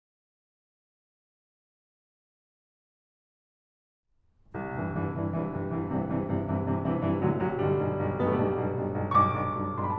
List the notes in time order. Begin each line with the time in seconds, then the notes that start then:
4.56 C2
4.74 C2 G2 C3 E3
4.91 C2 G2 C3 E3
5.07 C2 G2 C3 E3
5.26 C2 G2 C3 E3
5.46 C2 G2 C3 E3
5.70 C2 G2 C3 E3
5.92 C2 G2 C3 E3
6.11 C2 G2 C3 E3
6.30 C2 G2 C3 E3
6.50 C2 G2 C3 E3
6.69 C2 G2 C3 E3
6.85 C2 G2 C3 E3
7.03 C2 G2 C3 E3
7.19 C2 A2 D3 F#3
7.39 C2 A2 D3 F#3
7.56 B1 G2 D3 G3
7.73 B1 G2
7.93 B1 G2
8.13 B1 G2 B3
8.22 A3
8.35 B1 G2 G3
8.57 B1 G2
8.68 B1 G2
8.86 B1 G2
9.03 B1 G2 C#6
9.18 D6
9.33 B1 G2
9.52 B1 G2
9.65 C6
9.77 B1 G2 B5
9.88 A5